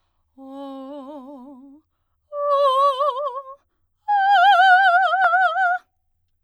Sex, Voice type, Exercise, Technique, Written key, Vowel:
female, soprano, long tones, trill (upper semitone), , o